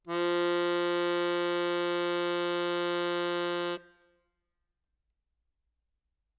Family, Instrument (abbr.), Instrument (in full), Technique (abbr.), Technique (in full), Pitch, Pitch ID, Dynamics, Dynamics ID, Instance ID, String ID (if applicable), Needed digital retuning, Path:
Keyboards, Acc, Accordion, ord, ordinario, F3, 53, ff, 4, 0, , FALSE, Keyboards/Accordion/ordinario/Acc-ord-F3-ff-N-N.wav